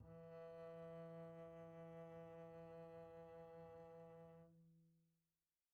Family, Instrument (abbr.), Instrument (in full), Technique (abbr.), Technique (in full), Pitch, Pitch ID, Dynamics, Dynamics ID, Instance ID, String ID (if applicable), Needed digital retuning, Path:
Strings, Cb, Contrabass, ord, ordinario, E3, 52, pp, 0, 1, 2, FALSE, Strings/Contrabass/ordinario/Cb-ord-E3-pp-2c-N.wav